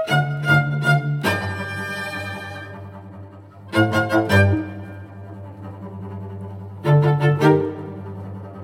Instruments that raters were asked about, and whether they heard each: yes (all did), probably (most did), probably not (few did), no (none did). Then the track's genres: cello: yes
guitar: no
violin: yes
Classical